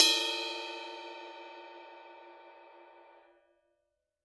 <region> pitch_keycenter=69 lokey=69 hikey=69 volume=9.319426 lovel=100 hivel=127 ampeg_attack=0.004000 ampeg_release=30 sample=Idiophones/Struck Idiophones/Suspended Cymbal 1/susCymb1_hit_bell_fff1.wav